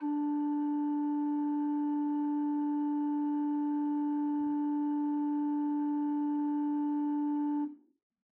<region> pitch_keycenter=62 lokey=62 hikey=63 ampeg_attack=0.004000 ampeg_release=0.300000 amp_veltrack=0 sample=Aerophones/Edge-blown Aerophones/Renaissance Organ/8'/RenOrgan_8foot_Room_D3_rr1.wav